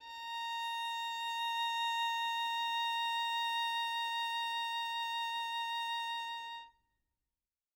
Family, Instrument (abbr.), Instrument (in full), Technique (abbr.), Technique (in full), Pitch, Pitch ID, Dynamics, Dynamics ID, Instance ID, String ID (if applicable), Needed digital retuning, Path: Strings, Vn, Violin, ord, ordinario, A#5, 82, mf, 2, 0, 1, FALSE, Strings/Violin/ordinario/Vn-ord-A#5-mf-1c-N.wav